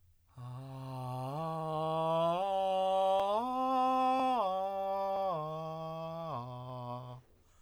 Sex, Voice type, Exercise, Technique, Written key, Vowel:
male, tenor, arpeggios, breathy, , a